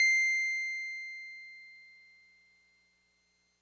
<region> pitch_keycenter=96 lokey=95 hikey=98 volume=11.815995 lovel=66 hivel=99 ampeg_attack=0.004000 ampeg_release=0.100000 sample=Electrophones/TX81Z/Piano 1/Piano 1_C6_vl2.wav